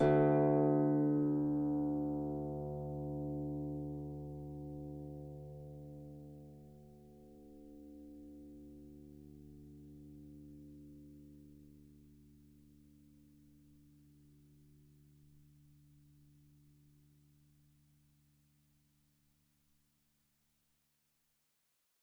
<region> pitch_keycenter=38 lokey=38 hikey=39 tune=-11 volume=7.247854 xfin_lovel=70 xfin_hivel=100 ampeg_attack=0.004000 ampeg_release=30.000000 sample=Chordophones/Composite Chordophones/Folk Harp/Harp_Normal_D1_v3_RR1.wav